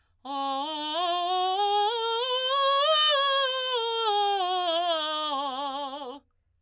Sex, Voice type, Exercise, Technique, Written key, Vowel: female, soprano, scales, belt, , o